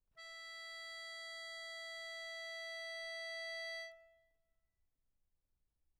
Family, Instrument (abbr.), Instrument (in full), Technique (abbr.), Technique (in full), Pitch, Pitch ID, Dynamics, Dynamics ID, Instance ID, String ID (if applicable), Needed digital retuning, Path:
Keyboards, Acc, Accordion, ord, ordinario, E5, 76, mf, 2, 3, , FALSE, Keyboards/Accordion/ordinario/Acc-ord-E5-mf-alt3-N.wav